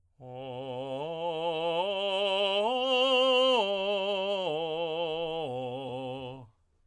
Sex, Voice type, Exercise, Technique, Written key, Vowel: male, tenor, arpeggios, slow/legato forte, C major, o